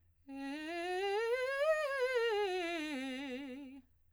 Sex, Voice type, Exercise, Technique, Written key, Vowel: female, soprano, scales, fast/articulated piano, C major, e